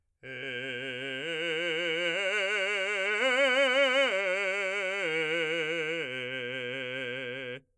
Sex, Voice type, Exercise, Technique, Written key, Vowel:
male, , arpeggios, vibrato, , e